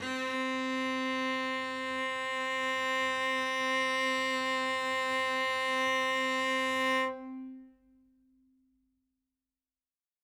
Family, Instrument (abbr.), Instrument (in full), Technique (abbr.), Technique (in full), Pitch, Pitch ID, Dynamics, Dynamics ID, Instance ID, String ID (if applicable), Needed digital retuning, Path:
Strings, Vc, Cello, ord, ordinario, C4, 60, ff, 4, 0, 1, FALSE, Strings/Violoncello/ordinario/Vc-ord-C4-ff-1c-N.wav